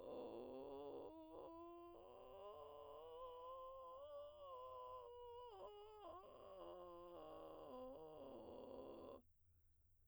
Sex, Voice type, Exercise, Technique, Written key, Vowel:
female, soprano, scales, vocal fry, , o